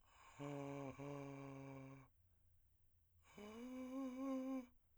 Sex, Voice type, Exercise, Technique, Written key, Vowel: male, , long tones, inhaled singing, , a